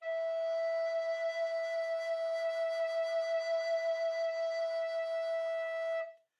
<region> pitch_keycenter=76 lokey=76 hikey=77 tune=-3 volume=16.241357 offset=601 ampeg_attack=0.004000 ampeg_release=0.300000 sample=Aerophones/Edge-blown Aerophones/Baroque Tenor Recorder/SusVib/TenRecorder_SusVib_E4_rr1_Main.wav